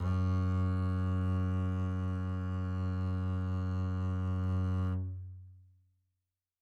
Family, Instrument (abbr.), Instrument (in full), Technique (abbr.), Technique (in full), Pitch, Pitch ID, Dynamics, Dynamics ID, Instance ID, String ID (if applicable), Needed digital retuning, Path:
Strings, Cb, Contrabass, ord, ordinario, F#2, 42, mf, 2, 1, 2, FALSE, Strings/Contrabass/ordinario/Cb-ord-F#2-mf-2c-N.wav